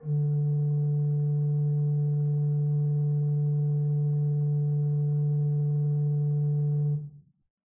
<region> pitch_keycenter=50 lokey=50 hikey=51 offset=135 ampeg_attack=0.004000 ampeg_release=0.300000 amp_veltrack=0 sample=Aerophones/Edge-blown Aerophones/Renaissance Organ/8'/RenOrgan_8foot_Room_D2_rr1.wav